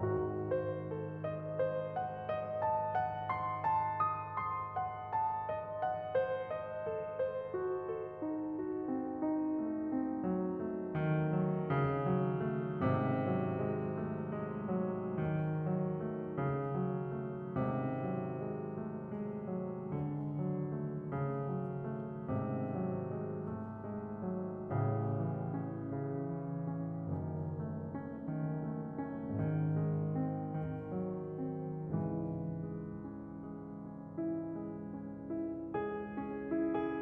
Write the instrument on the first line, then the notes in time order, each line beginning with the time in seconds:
piano
0.01 G#1 G#2 F#4
0.51 C5
0.90 A4
1.25 D#5
1.62 C5
1.93 F#5
2.25 D#5
2.61 A5
2.94 F#5
3.29 C6
3.60 A5
4.00 D#6
4.39 C6
4.78 F#5
5.14 A5
5.49 D#5
5.81 F#5
6.15 C5
6.51 D#5
6.84 A4
7.20 C5
7.55 F#4
7.87 A4
8.23 D#4
8.55 F#4
8.89 C4
9.20 D#4
9.60 A3
9.90 C4
10.18 F#3
10.56 A3
10.91 D#3
11.20 F#3
11.53 C#3
11.93 F#3
12.39 A3
12.96 G#1 G#2 C3
13.38 F#3
13.79 G#3
14.18 A3
14.51 G#3
14.85 F#3
15.26 D#3
15.63 F#3
16.00 A3
16.36 C#3
16.70 F#3
17.14 A3
17.57 G#1 G#2 C3
18.04 F#3
18.41 G#3
18.74 A3
19.09 G#3
19.45 F#3
19.88 D3
20.33 F#3
20.72 A3
21.11 C#3
21.45 F#3
21.82 A3
22.29 G#1 G#2 C3
22.75 F#3
23.12 G#3
23.47 A3
23.86 G#3
24.31 F#3
24.76 A1 A2 C#3
25.19 E3
25.61 C#4
25.95 C#3
26.37 E3
26.73 C#4
27.16 F#1 F#2 D#3
27.53 A3
27.87 C#4
28.22 D#3
28.55 A3
28.91 C#4
29.34 G#1 G#2 D#3
29.76 G#3
30.16 C4
30.53 D#3
30.93 F#3
31.41 C4
31.96 C#2 G#2 C#3 E3
32.54 G#3
32.99 C#4
33.38 G#3
33.74 C#4
34.16 E4
34.52 G#3
34.87 C#4
35.27 E4
35.67 G#3 G#4
36.05 C#4
36.51 E4
36.62 G#4